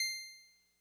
<region> pitch_keycenter=84 lokey=83 hikey=86 tune=-1 volume=13.376761 lovel=66 hivel=99 ampeg_attack=0.004000 ampeg_release=0.100000 sample=Electrophones/TX81Z/Clavisynth/Clavisynth_C5_vl2.wav